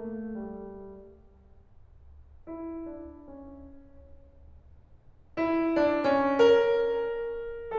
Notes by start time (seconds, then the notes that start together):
0.01 A3
0.28 G3
2.48 E4
2.88 D4
3.11 C#4
5.42 E4
5.76 D4
6.04 C#4
6.40 A#4